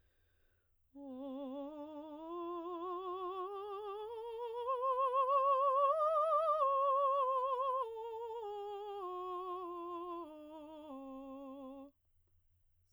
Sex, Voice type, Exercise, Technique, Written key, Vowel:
female, soprano, scales, slow/legato piano, C major, o